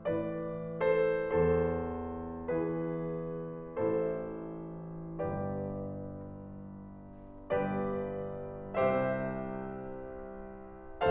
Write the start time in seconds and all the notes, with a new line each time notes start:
0.00 A2 E3 B4 D5
0.88 A4 C5
1.38 E2 A4 C5
2.51 E3 G#4 B4
3.77 A1 A2 E4 A4 C5
5.20 G1 G2 G4 B4 D5
7.49 G1 G2 G4 B4 D5
8.77 C2 C3 G4 C5 E5